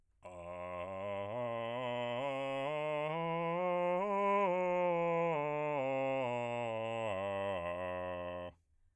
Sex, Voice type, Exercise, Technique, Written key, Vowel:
male, bass, scales, slow/legato piano, F major, a